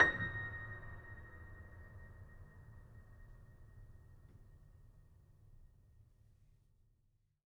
<region> pitch_keycenter=94 lokey=94 hikey=95 volume=1.393970 lovel=0 hivel=65 locc64=65 hicc64=127 ampeg_attack=0.004000 ampeg_release=0.400000 sample=Chordophones/Zithers/Grand Piano, Steinway B/Sus/Piano_Sus_Close_A#6_vl2_rr1.wav